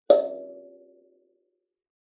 <region> pitch_keycenter=74 lokey=74 hikey=74 tune=-18 volume=0.706556 offset=4513 ampeg_attack=0.004000 ampeg_release=15.000000 sample=Idiophones/Plucked Idiophones/Kalimba, Tanzania/MBira3_pluck_Main_D4_k19_50_100_rr2.wav